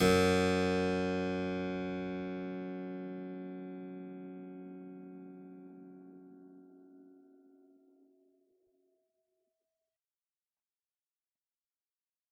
<region> pitch_keycenter=42 lokey=42 hikey=42 volume=-1 trigger=attack ampeg_attack=0.004000 ampeg_release=0.400000 amp_veltrack=0 sample=Chordophones/Zithers/Harpsichord, Unk/Sustains/Harpsi4_Sus_Main_F#1_rr1.wav